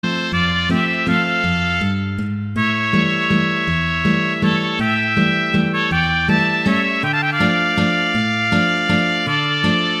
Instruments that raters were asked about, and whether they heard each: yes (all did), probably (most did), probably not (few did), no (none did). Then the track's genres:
trumpet: probably
violin: no
Country; Folk